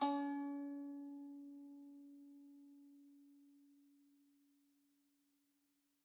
<region> pitch_keycenter=61 lokey=61 hikey=62 volume=16.373772 lovel=0 hivel=65 ampeg_attack=0.004000 ampeg_release=0.300000 sample=Chordophones/Zithers/Dan Tranh/Normal/C#3_mf_1.wav